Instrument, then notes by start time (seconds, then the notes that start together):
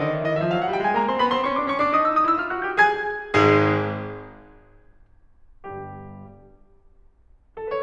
piano
0.01 D#3 D#5
0.12 E3 E5
0.24 D#3 D#5
0.39 E3 E5
0.51 F3 F5
0.60 F#3 F#5
0.70 G3 G5
0.81 G#3 G#5
0.96 A#3 A#5
1.07 C4 C6
1.19 B3 B5
1.38 C4 C6
1.50 C#4 C#6
1.64 D4 D6
1.76 C#4 C#6
1.83 D4 D6
1.94 D#4 D#6
2.08 E4 E6
2.20 D#4 D#6
2.32 E4 E6
2.41 F4 F6
2.56 F#4 F#6
2.66 G4 G6
2.78 G#4 G#5 G#6
3.35 G#1 G#2 G#3 G#4
5.67 G1 G2 G3 G4
7.58 A4
7.68 B4
7.75 C5